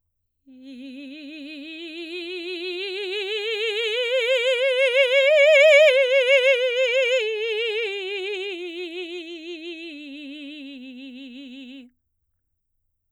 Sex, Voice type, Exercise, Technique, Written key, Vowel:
female, soprano, scales, vibrato, , i